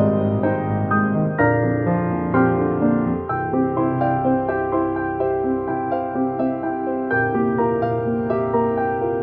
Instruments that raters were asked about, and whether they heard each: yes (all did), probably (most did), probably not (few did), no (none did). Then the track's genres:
accordion: no
organ: no
guitar: no
piano: yes
Contemporary Classical; Instrumental